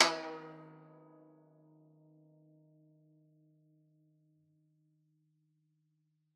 <region> pitch_keycenter=51 lokey=51 hikey=52 volume=9.763545 lovel=100 hivel=127 ampeg_attack=0.004000 ampeg_release=0.300000 sample=Chordophones/Zithers/Dan Tranh/Normal/D#2_ff_1.wav